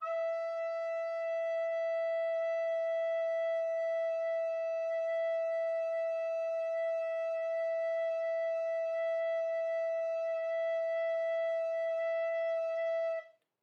<region> pitch_keycenter=76 lokey=76 hikey=77 volume=11.143976 offset=325 ampeg_attack=0.1 ampeg_release=0.300000 sample=Aerophones/Edge-blown Aerophones/Baroque Soprano Recorder/Sustain/SopRecorder_Sus_E4_rr1_Main.wav